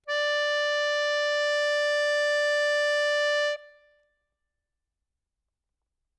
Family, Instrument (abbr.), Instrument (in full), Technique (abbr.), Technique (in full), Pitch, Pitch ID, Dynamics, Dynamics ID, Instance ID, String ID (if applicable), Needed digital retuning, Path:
Keyboards, Acc, Accordion, ord, ordinario, D5, 74, ff, 4, 2, , FALSE, Keyboards/Accordion/ordinario/Acc-ord-D5-ff-alt2-N.wav